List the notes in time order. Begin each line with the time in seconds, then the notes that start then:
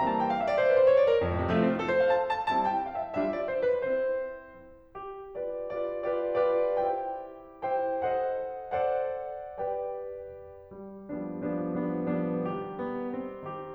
0.00 E3 G3 A#3 C4 A#5
0.09 A5
0.19 G5
0.30 F5
0.39 E5
0.48 D5
0.57 C5
0.67 B4
0.75 C5
0.89 C#5
1.01 D5
1.11 A#4
1.23 F2
1.35 A2
1.45 C3
1.51 F3 A3
1.61 C4
1.71 F4
1.81 A4
1.92 C5
2.02 F5
2.14 A5
2.30 A5
2.50 G3 C4 E4 A5
2.64 G5
2.75 F5
2.97 E5
3.17 G3 D4 F4 E5
3.32 D5
3.47 C5
3.62 B4
3.78 C4 E4 C5
4.96 G4
5.36 F4 G4 B4 D5
5.71 F4 G4 B4 D5
6.11 F4 G4 B4 D5
6.40 F4 G4 B4 D5
6.77 E4 G4 C5 G5
7.78 E4 C5 G5
8.08 A4 C5 D#5 F#5
8.72 A4 C5 D5 F#5
9.58 G4 B4 D5 G5
10.75 G3
11.10 F3 G3 B3 D4
11.44 F3 G3 B3 D4
11.71 F3 G3 B3 D4
12.06 F3 G3 B3 D4
12.39 D#3 G3 G4
12.76 B3
13.08 C4
13.44 D#3 G4